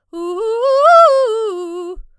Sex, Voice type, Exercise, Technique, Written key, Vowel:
female, soprano, arpeggios, fast/articulated forte, F major, u